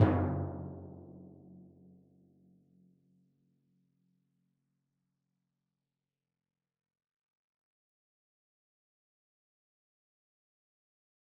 <region> pitch_keycenter=42 lokey=41 hikey=44 volume=10.340144 lovel=100 hivel=127 seq_position=2 seq_length=2 ampeg_attack=0.004000 ampeg_release=30.000000 sample=Membranophones/Struck Membranophones/Timpani 1/Hit/Timpani1_Hit_v4_rr2_Sum.wav